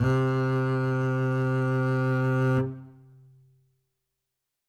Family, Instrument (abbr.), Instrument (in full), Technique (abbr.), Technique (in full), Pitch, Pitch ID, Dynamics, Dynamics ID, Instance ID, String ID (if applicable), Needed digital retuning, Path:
Strings, Cb, Contrabass, ord, ordinario, C3, 48, ff, 4, 2, 3, FALSE, Strings/Contrabass/ordinario/Cb-ord-C3-ff-3c-N.wav